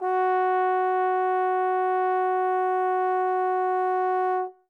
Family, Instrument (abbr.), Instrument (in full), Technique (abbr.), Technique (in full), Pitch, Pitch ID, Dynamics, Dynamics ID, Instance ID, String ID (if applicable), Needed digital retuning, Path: Brass, Tbn, Trombone, ord, ordinario, F#4, 66, mf, 2, 0, , TRUE, Brass/Trombone/ordinario/Tbn-ord-F#4-mf-N-T10u.wav